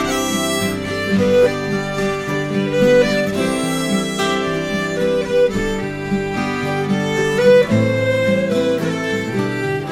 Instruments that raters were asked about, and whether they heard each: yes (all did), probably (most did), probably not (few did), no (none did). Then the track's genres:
violin: yes
International; Celtic